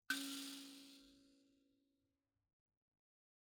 <region> pitch_keycenter=61 lokey=61 hikey=62 volume=22.313300 offset=4656 ampeg_attack=0.004000 ampeg_release=30.000000 sample=Idiophones/Plucked Idiophones/Mbira dzaVadzimu Nyamaropa, Zimbabwe, Low B/MBira4_pluck_Main_C#3_2_50_100_rr5.wav